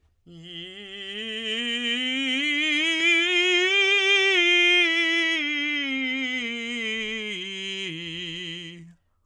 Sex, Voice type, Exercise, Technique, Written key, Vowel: male, tenor, scales, slow/legato forte, F major, i